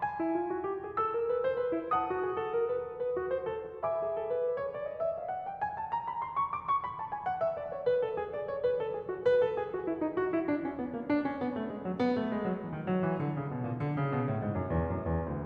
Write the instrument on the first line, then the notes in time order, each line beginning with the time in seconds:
piano
0.00 G#5
0.17 E4
0.35 F4
0.49 F#4
0.63 G4
0.80 G#4
0.95 A4 E6
1.13 A#4
1.29 B4
1.44 C5
1.63 B4
1.75 E4
1.92 F#5 A5 D#6
2.10 F#4
2.26 G4
2.39 A4
2.57 A#4
2.75 B4
2.90 C5
3.03 A4
3.18 F#4
3.36 C5
3.51 A4
3.65 F#4
3.84 E5 G#5 B5 D6
4.01 G#4
4.16 A4
4.38 B4
4.53 C5
4.68 C#5
4.81 D5
4.96 D#5
5.09 E5
5.18 F5
5.33 F#5
5.47 G5
5.65 G#5
5.78 A5
5.92 A#5
6.05 B5
6.23 C6
6.36 C#6
6.50 D6
6.68 C#6
6.88 B5
7.04 A5
7.14 G#5
7.28 F#5
7.43 E5
7.56 D5
7.70 C#5
7.84 B4
8.01 A4
8.14 G#4
8.37 B4
8.82 A4
9.47 G#4
9.71 F#4
9.86 E4
10.01 D#4
10.16 F#4
10.27 E4
10.48 D4
10.66 C#4
10.80 B3
10.94 A#3
11.05 D4
11.17 C#4
11.38 B3
11.53 A3
11.69 G#3
11.88 F#3
12.02 B3
12.17 A3
12.32 G#3
12.46 F#3
12.57 E3
12.71 D#3
12.88 F#3
13.03 E3
13.20 D3
13.35 C#3
13.51 B2
13.65 A#2
13.79 D3
13.94 C#3
14.11 B2
14.25 A2
14.42 G#2
14.56 F#2
14.70 E2
14.87 F#2
15.05 E2
15.23 D2